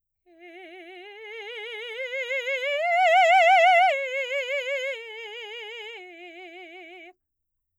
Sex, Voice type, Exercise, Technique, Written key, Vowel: female, soprano, arpeggios, slow/legato forte, F major, e